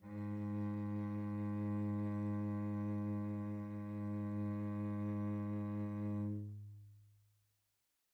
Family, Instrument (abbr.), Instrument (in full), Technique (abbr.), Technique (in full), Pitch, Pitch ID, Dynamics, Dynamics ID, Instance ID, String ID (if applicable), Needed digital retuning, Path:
Strings, Vc, Cello, ord, ordinario, G#2, 44, pp, 0, 3, 4, FALSE, Strings/Violoncello/ordinario/Vc-ord-G#2-pp-4c-N.wav